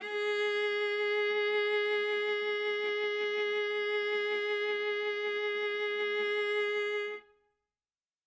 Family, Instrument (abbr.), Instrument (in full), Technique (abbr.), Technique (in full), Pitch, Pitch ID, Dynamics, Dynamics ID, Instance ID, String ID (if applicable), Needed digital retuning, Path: Strings, Va, Viola, ord, ordinario, G#4, 68, ff, 4, 2, 3, FALSE, Strings/Viola/ordinario/Va-ord-G#4-ff-3c-N.wav